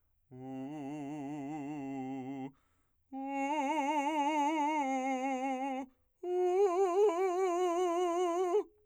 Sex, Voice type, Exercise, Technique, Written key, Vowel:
male, , long tones, trill (upper semitone), , u